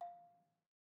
<region> pitch_keycenter=77 lokey=75 hikey=80 volume=21.644827 offset=217 lovel=0 hivel=65 ampeg_attack=0.004000 ampeg_release=30.000000 sample=Idiophones/Struck Idiophones/Balafon/Traditional Mallet/EthnicXylo_tradM_F4_vl1_rr1_Mid.wav